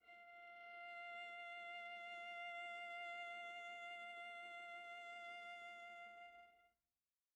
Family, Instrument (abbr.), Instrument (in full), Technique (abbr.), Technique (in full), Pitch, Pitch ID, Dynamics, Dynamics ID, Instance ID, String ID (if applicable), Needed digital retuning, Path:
Strings, Va, Viola, ord, ordinario, F5, 77, pp, 0, 1, 2, FALSE, Strings/Viola/ordinario/Va-ord-F5-pp-2c-N.wav